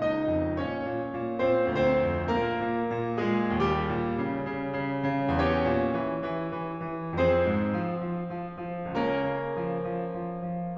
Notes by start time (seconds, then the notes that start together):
0.01 C#2 D#4 D#5
0.31 F2
0.61 A#2 C#4 C#5
0.85 A#2
1.09 A#2
1.36 A#2 C4 C5
1.75 D2 C4 C5
2.00 F2
2.29 A#2 A#3 A#4
2.49 A#2
2.90 A#2
3.22 A#2 G#3 G#4
3.63 D#2 G3 G4
3.90 A#2
4.27 C#3
4.50 C#3
4.77 C#3
5.07 C#3
5.43 E2 C#4 G4 C#5
5.68 A#2
5.93 E3
6.22 E3
6.57 E3
6.86 E3
7.17 F2 C4 G#4 C5
7.51 G#2
7.82 F3
8.06 F3
8.27 F3
8.53 F3
8.90 C#2 A#3 C#4 A#4
9.21 C#3
9.49 F3
9.78 F3
10.05 F3
10.36 F3